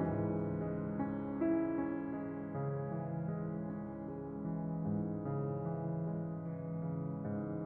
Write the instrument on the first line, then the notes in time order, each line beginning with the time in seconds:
piano
0.02 C#2 G#2 E3 C#4
0.57 G#3
0.96 C#4
1.34 E4
1.77 C#4
2.15 G#3
2.55 C#3
2.94 E3
3.34 G#3
3.73 C#4
4.08 G#3
4.46 E3
4.82 G#2
5.24 C#3
5.60 E3
5.98 G#3
6.41 E3
6.86 C#3
7.26 G#2